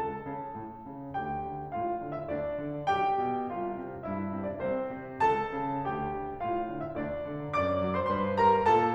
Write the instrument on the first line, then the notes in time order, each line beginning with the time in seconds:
piano
0.00 C#2 A4 A5
0.23 C#3
0.53 A2
0.85 C#3
1.14 D2 G4 G5
1.47 D3
1.75 A2 F4 F5
2.01 D3
2.11 E4 E5
2.29 D2 D4 D5
2.62 D3
2.93 B1 G4 G5
3.26 B2
3.52 C2 F4 F5
3.72 C3
4.03 G2 E4 E5
4.37 C3
4.47 D4 D5
4.66 C2 C4 C5
4.96 C3
5.24 C#2 A4 A5
5.57 C#3
5.85 D2 G4 G5
6.16 D3
6.42 A2 F4 F5
6.70 D3
6.86 E4 E5
7.01 D2 D4 D5
7.33 D3
7.58 F#2 D5 D6
7.85 F#3
7.96 C5 C6
8.10 G2 C5 C6
8.38 G3 A#4 A#5
8.67 A#2 A4 A5